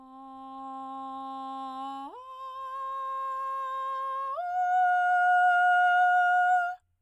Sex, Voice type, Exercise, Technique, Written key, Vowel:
female, soprano, long tones, straight tone, , a